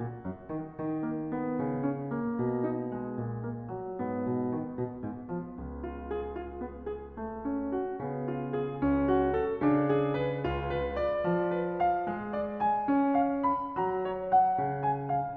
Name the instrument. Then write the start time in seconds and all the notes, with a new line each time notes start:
piano
0.00 A#2
0.21 F#2
0.44 D#3
0.75 D#3
1.06 A#3
1.35 B3
1.59 C#3
1.82 C#4
2.05 A#3
2.44 B2
2.69 D#4
2.94 G#3
3.23 A#2
3.47 A#3
3.70 F#3
3.99 G#2 B3
4.21 B2
4.53 D#3
4.78 B2
5.05 G#2
5.29 F3
5.56 C#2
5.82 F4
6.04 G#4
6.39 F4
6.64 B3
6.88 G#4
7.17 A3
7.45 C#4
7.77 F#4
8.06 C#3 B3
8.35 F4
8.56 G#4
8.84 C#2 C#4
9.02 F#4
9.35 A4
9.58 C#3 D4
9.88 G#4
10.17 B4
10.47 C#2 F4
10.70 B4
10.97 D5
11.20 F3
11.58 B4
11.81 F5
12.07 G#3
12.40 D5
12.62 G#5
12.89 C#4
13.15 F5
13.44 B5
13.80 F#3 A#5
14.09 C#5
14.30 F#5
14.62 C#3
14.86 G#5
15.07 F5